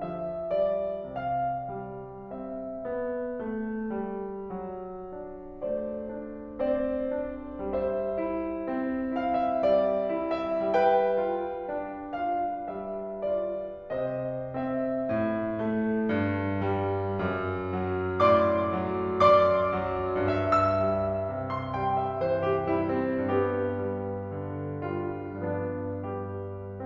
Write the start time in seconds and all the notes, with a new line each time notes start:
0.00 F3 E5
0.50 G3 D5
1.10 C3 F5
1.68 G3
2.36 C4 E5
2.86 B3
3.44 A3
3.92 G3
4.49 F#3
5.12 D4
5.61 A3 C5 D5
6.15 D4
6.61 C4 C5 D5
7.13 D4
7.66 G3 C5 E5
8.20 E4
8.65 C4
9.16 E4 F5
9.43 E5
9.69 G3 D5
10.11 E4
10.36 E5
10.70 G3 B4 G5
11.31 F4
11.75 D4
12.14 F4 F5
12.68 G3 E5
13.35 F4 D5
13.93 C3 C5 D#5
14.58 C4 E5
15.14 A2
15.60 A3
16.10 G2
16.82 G3
17.35 F#2
17.79 F#3
18.26 A2 D5 C6 D6
18.73 F#3
19.19 F#2 D5 C6 D6
19.78 F#3
20.28 G2 E5
20.63 E6
20.92 G3
21.32 C3
21.55 C6
21.73 G3 G5
21.95 E5
22.21 E3 C5
22.44 G4
22.73 G3 E4
22.93 C4
23.22 G2 B3 G4
23.94 G3
24.38 D3
24.82 G3 F4
25.48 G2 F3 B3 D4
26.04 G3 G4